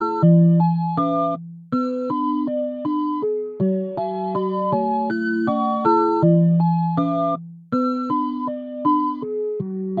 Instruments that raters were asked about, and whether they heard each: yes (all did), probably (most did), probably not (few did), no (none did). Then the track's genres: synthesizer: yes
cello: no
violin: no
mallet percussion: probably not
trombone: no
Avant-Garde; Field Recordings; Experimental; Sound Poetry; Musique Concrete